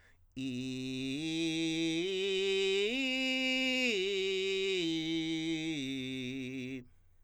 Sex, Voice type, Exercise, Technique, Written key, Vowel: male, countertenor, arpeggios, belt, , i